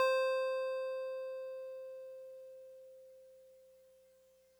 <region> pitch_keycenter=84 lokey=83 hikey=86 volume=15.107601 lovel=0 hivel=65 ampeg_attack=0.004000 ampeg_release=0.100000 sample=Electrophones/TX81Z/FM Piano/FMPiano_C5_vl1.wav